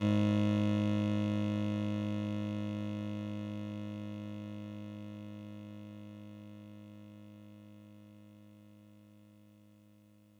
<region> pitch_keycenter=32 lokey=31 hikey=34 tune=-1 volume=13.270246 lovel=66 hivel=99 ampeg_attack=0.004000 ampeg_release=0.100000 sample=Electrophones/TX81Z/Clavisynth/Clavisynth_G#0_vl2.wav